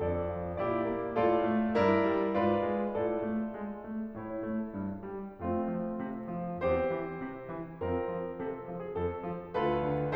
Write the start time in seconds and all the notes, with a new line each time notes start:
0.00 F2 D4 A4 D5
0.28 F3
0.60 A#2 E4 G4 D5
0.89 A#3
1.18 A2 F4 A4 D5
1.47 A3
1.76 G2 E4 A#4 D5
2.05 G3
2.37 G#2 F4 B4 D5
2.68 G#3
2.95 A2 F4 A4 D5
3.29 A3
3.59 G#3
3.84 A3
4.19 A2 E4 C#5
4.48 A3
4.76 G2
5.11 G3
5.46 F2 A3 C4 F4
5.80 F3
6.06 C3
6.37 F3
6.64 E2 C4 G4 C5
6.91 E3
7.22 C3
7.50 E3
7.87 F2 C4 F4 A#4
8.13 F3
8.42 C3 A4
8.67 F3
8.79 G#4
8.97 F2 A4
9.24 F3
9.57 D2 F4 A4 B4
9.87 D3